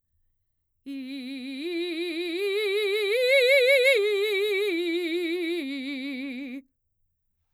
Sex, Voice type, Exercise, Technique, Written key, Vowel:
female, mezzo-soprano, arpeggios, slow/legato forte, C major, i